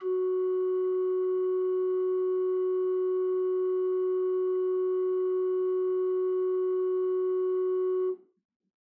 <region> pitch_keycenter=66 lokey=66 hikey=67 ampeg_attack=0.004000 ampeg_release=0.300000 amp_veltrack=0 sample=Aerophones/Edge-blown Aerophones/Renaissance Organ/8'/RenOrgan_8foot_Room_F#3_rr1.wav